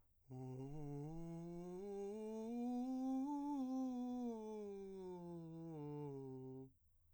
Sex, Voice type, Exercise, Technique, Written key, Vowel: male, , scales, breathy, , u